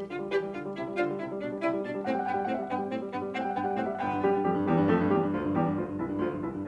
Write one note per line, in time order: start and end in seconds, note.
0.00 0.27 D3
0.00 0.20 F4
0.09 0.36 G3
0.27 0.48 E3
0.27 0.42 G4
0.37 0.59 G3
0.48 0.68 D3
0.48 0.64 F4
0.59 0.79 G3
0.70 0.89 C3
0.70 0.85 E4
0.79 1.01 G3
0.91 1.11 D3
0.91 1.06 F4
1.01 1.22 G3
1.11 1.34 C3
1.11 1.28 E4
1.23 1.34 G3
1.34 1.53 B2
1.34 1.49 D4
1.44 1.64 G3
1.53 1.74 C3
1.53 1.68 E4
1.64 1.86 G3
1.75 1.96 B2
1.75 1.90 D4
1.86 2.05 G3
1.96 2.17 A2
1.96 2.11 C4
1.96 2.09 F#5
2.03 2.28 G3
2.03 2.17 G5
2.09 2.25 F#5
2.17 2.39 G2
2.17 2.33 B3
2.17 2.31 G5
2.25 2.50 G3
2.25 2.39 F#5
2.32 2.46 G5
2.39 2.62 A2
2.39 2.54 C4
2.39 2.52 F#5
2.46 2.62 G3
2.46 2.62 E5
2.53 2.62 F#5
2.64 2.83 G2
2.64 2.77 B3
2.64 3.07 G5
2.73 2.96 G3
2.84 3.07 A2
2.84 3.01 C4
2.96 3.16 G3
3.07 3.26 G2
3.07 3.22 B3
3.17 3.40 G3
3.26 3.49 A2
3.26 3.45 C4
3.26 3.42 F#5
3.37 3.66 G3
3.37 3.49 G5
3.44 3.61 F#5
3.49 3.77 G2
3.49 3.72 B3
3.49 3.69 G5
3.61 3.77 F#5
3.66 3.89 G3
3.66 3.85 G5
3.80 4.02 A2
3.80 3.95 C4
3.80 3.94 F#5
3.85 4.02 G3
3.85 4.02 E5
3.94 4.02 F#5
4.02 4.23 G1
4.02 4.42 B3
4.02 4.23 G5
4.13 4.32 G2
4.23 4.42 F#2
4.23 4.42 G3
4.23 4.42 G4
4.33 4.52 G2
4.42 4.62 F2
4.42 4.62 G3
4.42 4.62 G4
4.52 4.74 G2
4.63 4.83 E2
4.63 4.83 G3
4.63 4.83 G4
4.74 4.93 G2
4.84 5.04 F2
4.84 5.04 A3
4.84 5.04 A4
4.93 5.18 G2
5.04 5.31 E2
5.04 5.31 G3
5.04 5.31 G4
5.19 5.31 G2
5.31 5.49 D2
5.31 5.49 F3
5.31 5.49 F4
5.41 5.61 G2
5.50 5.72 E2
5.50 5.72 G3
5.50 5.72 G4
5.61 5.83 G2
5.74 5.92 D2
5.74 5.92 F3
5.74 5.92 F4
5.83 6.03 G2
5.92 6.16 C2
5.92 6.16 E3
5.92 6.16 E4
6.04 6.26 G2
6.16 6.39 D2
6.16 6.39 F3
6.16 6.39 F4
6.27 6.50 G2
6.39 6.66 C2
6.39 6.66 E3
6.39 6.66 E4
6.50 6.66 G2